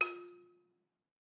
<region> pitch_keycenter=65 lokey=64 hikey=68 volume=9.724815 offset=194 lovel=100 hivel=127 ampeg_attack=0.004000 ampeg_release=30.000000 sample=Idiophones/Struck Idiophones/Balafon/Soft Mallet/EthnicXylo_softM_F3_vl3_rr1_Mid.wav